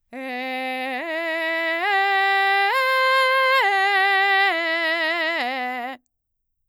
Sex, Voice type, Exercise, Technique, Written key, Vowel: female, mezzo-soprano, arpeggios, belt, , e